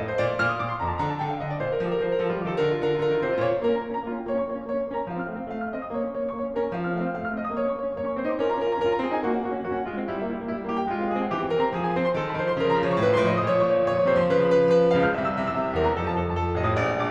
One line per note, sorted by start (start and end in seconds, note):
0.00 0.21 A2
0.00 0.08 D#5
0.08 0.21 C5
0.21 0.39 A#2
0.21 0.39 D5
0.41 0.58 A#2
0.41 0.49 F6
0.49 0.58 D#6
0.58 0.81 A#2
0.58 0.73 D6
0.73 0.81 C6
0.85 1.02 F2
0.85 0.93 A#5
0.93 1.02 A5
1.02 1.25 D3
1.02 1.15 A#5
1.15 1.25 A5
1.25 1.44 D3
1.25 1.35 G5
1.36 1.44 F5
1.44 1.60 D3
1.44 1.51 D#5
1.51 1.60 D5
1.60 1.81 A#2
1.60 1.71 C5
1.73 1.81 A#4
1.83 2.04 F3
1.83 1.92 A4
1.92 2.04 A#4
2.04 2.22 F3
2.04 2.14 C5
2.14 2.22 A#4
2.23 2.32 F3
2.23 2.32 A4
2.32 2.43 G3
2.32 2.43 F4
2.43 2.50 F3
2.43 2.50 G4
2.50 2.58 D#3
2.50 2.58 A4
2.59 2.80 D3
2.59 2.68 A#4
2.72 2.80 F4
2.80 2.98 D3
2.80 2.90 A#4
2.90 2.98 F4
2.98 3.08 D3
2.98 3.08 A#4
3.09 3.19 D#3
3.09 3.19 F4
3.19 3.29 D3
3.19 3.29 C5
3.29 3.38 C3
3.29 3.38 F4
3.38 3.60 A#2
3.38 3.60 C#5
3.61 3.72 A#3
3.61 3.72 A#4
3.72 3.81 C#4
3.72 3.81 A#5
3.81 3.94 A#3
3.81 3.94 A#4
3.94 4.03 C#4
3.94 4.03 A#5
4.04 4.10 A#3
4.04 4.10 F4
4.11 4.19 C#4
4.11 4.19 F5
4.19 4.28 A#3
4.19 4.28 C#5
4.28 4.47 C#4
4.28 4.47 C#6
4.47 4.59 A#3
4.47 4.59 C#5
4.60 4.73 C#4
4.60 4.73 C#6
4.73 4.83 A#3
4.73 4.83 C#5
4.83 4.92 C#4
4.83 4.92 C#6
4.92 5.03 A#3
4.92 5.03 A#4
5.04 5.12 C#4
5.04 5.12 A#5
5.14 5.24 F3
5.14 5.24 F5
5.24 5.32 C4
5.24 5.32 F6
5.32 5.40 A3
5.32 5.40 F5
5.40 5.48 C4
5.40 5.48 F6
5.49 5.63 A3
5.49 5.63 F5
5.64 5.75 C4
5.64 5.75 F6
5.75 5.84 A3
5.75 5.84 D#5
5.84 5.97 C4
5.84 5.97 D#6
5.97 6.07 A#3
5.97 6.07 C#5
6.08 6.16 C#4
6.08 6.16 C#6
6.16 6.25 A#3
6.16 6.25 C#5
6.25 6.36 C#4
6.25 6.36 C#6
6.36 6.46 A#3
6.36 6.46 C#5
6.47 6.56 C#4
6.47 6.56 C#6
6.57 6.65 A#3
6.57 6.65 A#4
6.65 6.75 C#4
6.65 6.75 A#5
6.75 6.84 F3
6.75 6.84 F5
6.84 6.93 C4
6.84 6.93 F6
6.94 7.02 A3
6.94 7.02 F5
7.02 7.15 C4
7.02 7.15 F6
7.15 7.26 A3
7.15 7.26 F5
7.26 7.41 C4
7.26 7.41 F6
7.42 7.50 A3
7.42 7.50 D#5
7.51 7.60 C4
7.51 7.60 D#6
7.60 7.71 A#3
7.60 7.71 C#5
7.71 7.80 C#4
7.71 7.80 C#6
7.80 7.87 A#3
7.80 7.87 C#5
7.88 7.96 C#4
7.88 7.96 C#6
7.98 8.07 A#3
7.98 8.07 C#5
8.07 8.16 C#4
8.07 8.16 C#6
8.16 8.28 C4
8.16 8.28 C5
8.28 8.39 D#4
8.28 8.39 C6
8.41 8.52 C#4
8.41 8.52 A#4
8.52 8.63 F4
8.52 8.63 A#5
8.63 8.73 C#4
8.63 8.73 A#4
8.73 8.84 F4
8.73 8.84 A#5
8.85 8.93 C#4
8.85 8.93 A#4
8.94 9.01 F4
8.94 9.01 A#5
9.01 9.13 C4
9.01 9.13 G#4
9.13 9.24 D#4
9.13 9.24 G#5
9.24 9.32 A#3
9.24 9.32 F#4
9.33 9.43 C#4
9.33 9.43 F#5
9.43 9.57 A#3
9.43 9.57 F#4
9.57 9.68 C#4
9.57 9.68 F#5
9.68 9.78 A#3
9.68 9.78 F#4
9.78 9.90 C#4
9.78 9.90 F#5
9.91 10.01 G#3
9.91 10.01 F4
10.01 10.10 C4
10.01 10.10 F5
10.10 10.21 G3
10.10 10.21 E4
10.21 10.29 A#3
10.21 10.29 E5
10.30 10.43 G3
10.30 10.43 E4
10.44 10.52 A#3
10.44 10.52 E5
10.52 10.60 G3
10.52 10.60 E4
10.60 10.67 A#3
10.60 10.67 E5
10.67 10.76 G3
10.67 10.76 G4
10.77 10.88 A#3
10.77 10.88 G5
10.88 10.99 G#3
10.88 10.99 F4
10.99 11.09 C4
10.99 11.09 F5
11.09 11.17 G#3
11.09 11.17 G#4
11.18 11.30 C4
11.18 11.30 G#5
11.31 11.41 E3
11.31 11.41 G4
11.41 11.52 C4
11.41 11.52 G5
11.52 11.62 E3
11.52 11.62 A#4
11.62 11.75 C4
11.62 11.75 A#5
11.76 11.84 F3
11.76 11.84 G#4
11.84 11.92 C4
11.84 11.92 G#5
11.92 12.04 F3
11.92 12.04 C5
12.04 12.13 C4
12.04 12.13 C6
12.13 12.28 D#3
12.13 12.28 A4
12.29 12.38 F3
12.29 12.38 A5
12.38 12.49 D#3
12.38 12.49 C5
12.49 12.62 F3
12.49 12.62 C6
12.62 12.72 C#3
12.62 12.72 A#4
12.74 12.82 F3
12.74 12.82 A#5
12.83 12.90 C#3
12.83 12.90 C#5
12.90 12.99 F3
12.90 12.99 C#6
12.99 13.10 A2
12.99 13.10 C5
13.10 13.18 F3
13.10 13.18 C6
13.19 13.27 A2
13.19 13.27 D#5
13.27 13.39 F3
13.27 13.39 D#6
13.39 13.48 A#2
13.39 13.48 C#5
13.48 13.58 F3
13.48 13.58 C#6
13.60 13.69 A#2
13.60 13.69 C#5
13.70 13.80 F3
13.70 13.80 C#6
13.80 13.98 A#2
13.80 13.98 C#5
13.98 14.08 F3
13.98 14.08 C#6
14.08 14.18 C3
14.08 14.18 C5
14.20 14.28 F3
14.20 14.28 C6
14.29 14.37 C#3
14.29 14.37 B4
14.37 14.50 F3
14.37 14.50 B5
14.50 14.65 C#3
14.50 14.65 B4
14.65 14.76 F3
14.65 14.76 B5
14.77 14.86 C#3
14.77 14.86 B4
14.86 14.95 F3
14.86 14.95 B5
14.95 15.07 C#2
14.95 15.07 F5
15.07 15.17 C#3
15.07 15.17 F6
15.20 15.29 C2
15.20 15.29 E5
15.30 15.38 C3
15.30 15.38 E6
15.38 15.46 C2
15.38 15.46 E5
15.46 15.55 C3
15.46 15.55 E6
15.55 15.63 C2
15.55 15.63 E5
15.64 15.73 C3
15.64 15.73 E6
15.73 15.84 E2
15.73 15.84 A#4
15.84 15.95 E3
15.84 15.95 A#5
15.95 16.06 F2
15.95 16.06 A4
16.07 16.17 F3
16.07 16.17 A5
16.18 16.29 F2
16.18 16.29 A4
16.29 16.38 F3
16.29 16.38 A5
16.38 16.47 F2
16.38 16.47 A4
16.47 16.58 F3
16.47 16.58 A5
16.59 16.67 A1
16.59 16.67 D#5
16.68 16.75 A2
16.68 16.75 D#6
16.75 16.85 A#1
16.75 16.95 D5
16.85 16.95 A#2
16.95 17.11 A#1
16.95 17.11 D6